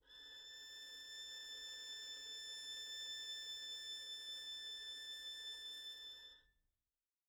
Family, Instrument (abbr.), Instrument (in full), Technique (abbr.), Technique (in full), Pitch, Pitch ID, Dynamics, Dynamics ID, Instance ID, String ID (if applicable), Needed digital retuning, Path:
Strings, Vn, Violin, ord, ordinario, A6, 93, pp, 0, 0, 1, FALSE, Strings/Violin/ordinario/Vn-ord-A6-pp-1c-N.wav